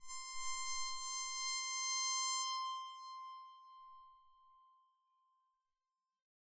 <region> pitch_keycenter=84 lokey=84 hikey=85 tune=-1 volume=14.840666 ampeg_attack=0.004000 ampeg_release=2.000000 sample=Chordophones/Zithers/Psaltery, Bowed and Plucked/LongBow/BowedPsaltery_C5_Main_LongBow_rr1.wav